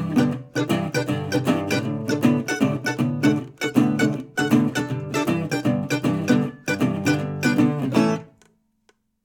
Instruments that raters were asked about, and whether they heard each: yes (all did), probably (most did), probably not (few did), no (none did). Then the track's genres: piano: no
mandolin: probably
ukulele: yes
Old-Time / Historic; Bluegrass; Americana